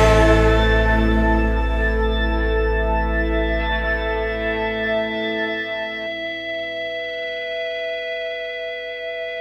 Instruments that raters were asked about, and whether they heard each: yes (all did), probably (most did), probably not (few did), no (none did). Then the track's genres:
organ: no
violin: no
Psych-Rock; Indie-Rock; Experimental Pop